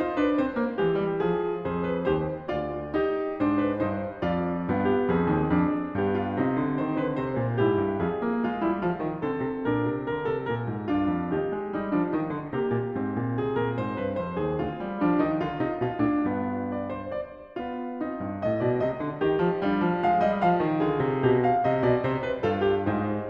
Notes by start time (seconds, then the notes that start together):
0.00 D#4 C5
0.24 D4 B4
0.38 C4 C5
0.57 A#3
0.75 E3 G#3 G4
1.02 G3
1.23 F3 G#4
1.65 F2 G#4 C5
1.87 B4
2.08 D#2 G4 C5
2.46 D2 F4 D5
2.94 D#4 G4
3.37 G#2 D4 C5
3.62 B4
3.81 G2 D#4 C5
4.21 F2 F4 D5
4.68 G2 B3 F4
4.86 G4
5.06 F2 C4 G#4
5.26 D#2
5.50 F2 D4
5.94 G2 B3 G4
6.19 F4
6.36 C3 C4 D#4
6.55 D3
6.80 D#3 C5
7.00 D3 B4
7.22 C3 C5
7.37 A#2
7.58 G#2 E4 G4
7.77 G2
7.98 F2 F4 G#4
8.21 A#3
8.43 G#3 F4
8.63 G3 E4
8.85 F3 F4
9.03 D#3
9.21 D3 C4 A4
9.40 C3
9.64 A#2 D4 A#4
9.88 C3
10.04 D3 A#4
10.29 C3 A4
10.45 A#2 A#4
10.66 G#2
10.90 G2 D4 F4
11.11 F2
11.34 D#2 D#4 G4
11.55 G#3
11.74 G3 D#4
11.92 F3 D4
12.13 D#3 D#4
12.33 D3
12.57 C3 A#3 G4
12.82 A#2
12.96 G#2 C4
13.11 A#2
13.34 C3 G#4
13.53 A#2 A#4
13.75 G#2 C5
13.97 G2 B4
14.19 F2 C5
14.35 D#2 G#4
14.58 D2 F4
14.78 G3
15.03 F3 D4
15.19 D#3 D#4
15.41 D3 F4
15.58 C3 D#4
15.80 B2 F4
15.99 A2 D4
16.24 G2 B3
16.79 D5
16.99 C5
17.18 D5
17.59 B3 F4
18.01 C4 D#4
18.17 G2
18.41 A2 D#5
18.60 B2 D5
18.80 C3 D#5
18.99 D3
19.18 D#3 D#4 G4
19.41 F3
19.61 G3 D4 F4
19.82 F3
20.04 G#3 F5
20.25 G3 D#5
20.43 F3 F5
20.60 D#3
20.79 D3 F4 G#4
20.98 C3
21.18 B2 G4
21.44 F5
21.62 C3 D#5
21.82 B2 D5
22.01 C3 C5
22.24 B4
22.44 G2 F4 A4
22.69 G4
22.85 G#2 D#4 C5
23.27 C3